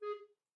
<region> pitch_keycenter=68 lokey=68 hikey=69 tune=-4 volume=10.581037 offset=410 ampeg_attack=0.004000 ampeg_release=10.000000 sample=Aerophones/Edge-blown Aerophones/Baroque Tenor Recorder/Staccato/TenRecorder_Stac_G#3_rr1_Main.wav